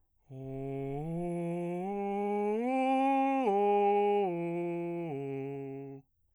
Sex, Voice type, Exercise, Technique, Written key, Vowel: male, bass, arpeggios, breathy, , o